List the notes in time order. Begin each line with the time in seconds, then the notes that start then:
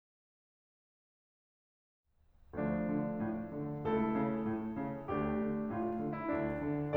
2.07 D2 F3 A3 D4
2.82 D3
3.15 A2
3.52 D3
3.81 C#2 A3 E4 A4
4.12 C#3
4.47 A2
4.75 C#3
5.06 D2 A3 D4 G4
5.39 D3
5.72 A2 F4
5.99 D3
6.13 E4
6.32 D2 D4
6.63 D3